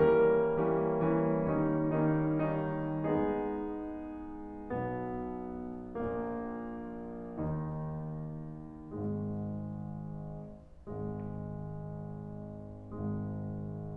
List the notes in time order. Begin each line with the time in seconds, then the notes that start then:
0.00 E3 G3 A#3 C#4 A#4
0.64 E3 G3 A#3 C#4
1.14 E3 G3 A#3 C#4
1.51 D#3 G3 A#3 C#4 D#4
1.92 D#3 G3 A#3 C#4 D#4
2.43 D#3 G3 A#3 C#4 D#4
3.08 G#3 B3 D#4 G#4
4.67 B1 B2 B3
5.99 A#1 A#2 A#3
7.50 D#2 D#3 D#4
9.21 G#1 G#2 G#3
11.34 G#1 G#2 G#3